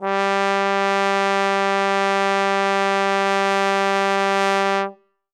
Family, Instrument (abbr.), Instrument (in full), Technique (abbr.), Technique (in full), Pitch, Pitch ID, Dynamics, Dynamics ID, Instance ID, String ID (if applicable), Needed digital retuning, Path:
Brass, Tbn, Trombone, ord, ordinario, G3, 55, ff, 4, 0, , FALSE, Brass/Trombone/ordinario/Tbn-ord-G3-ff-N-N.wav